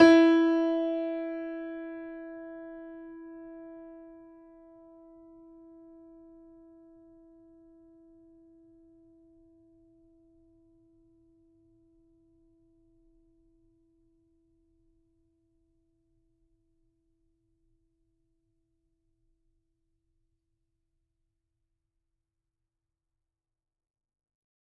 <region> pitch_keycenter=64 lokey=64 hikey=65 volume=-1.323157 lovel=100 hivel=127 locc64=0 hicc64=64 ampeg_attack=0.004000 ampeg_release=0.400000 sample=Chordophones/Zithers/Grand Piano, Steinway B/NoSus/Piano_NoSus_Close_E4_vl4_rr1.wav